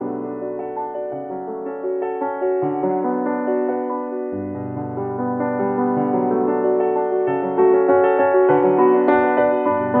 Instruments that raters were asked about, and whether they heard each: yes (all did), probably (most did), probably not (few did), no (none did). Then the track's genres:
bass: no
guitar: no
accordion: no
piano: yes
Classical